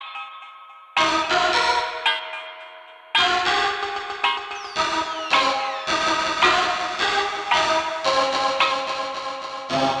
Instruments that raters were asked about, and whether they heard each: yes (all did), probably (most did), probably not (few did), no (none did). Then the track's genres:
cymbals: no
Electronic; Hip-Hop; Dance; Skweee; Wonky